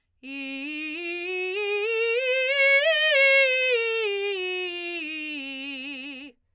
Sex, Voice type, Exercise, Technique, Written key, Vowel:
female, soprano, scales, belt, , i